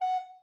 <region> pitch_keycenter=78 lokey=78 hikey=79 tune=-3 volume=16.126407 offset=183 ampeg_attack=0.004000 ampeg_release=10.000000 sample=Aerophones/Edge-blown Aerophones/Baroque Alto Recorder/Staccato/AltRecorder_Stac_F#4_rr1_Main.wav